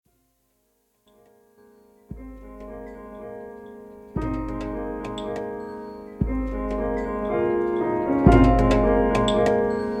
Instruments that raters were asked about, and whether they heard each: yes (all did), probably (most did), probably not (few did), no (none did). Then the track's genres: piano: yes
Experimental; Sound Collage; Trip-Hop